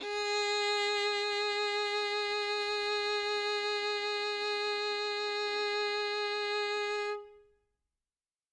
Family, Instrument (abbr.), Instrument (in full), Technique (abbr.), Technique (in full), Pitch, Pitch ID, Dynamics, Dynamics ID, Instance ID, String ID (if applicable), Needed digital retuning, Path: Strings, Vn, Violin, ord, ordinario, G#4, 68, ff, 4, 2, 3, FALSE, Strings/Violin/ordinario/Vn-ord-G#4-ff-3c-N.wav